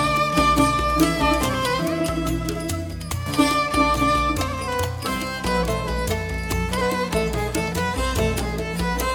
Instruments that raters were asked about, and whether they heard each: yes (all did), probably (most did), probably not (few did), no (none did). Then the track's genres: bass: no
clarinet: no
violin: yes
banjo: no
International; Middle East; Turkish